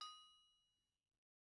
<region> pitch_keycenter=61 lokey=61 hikey=61 volume=33.896046 offset=262 lovel=0 hivel=65 ampeg_attack=0.004000 ampeg_release=15.000000 sample=Idiophones/Struck Idiophones/Anvil/Anvil_Hit2_v1_rr1_Mid.wav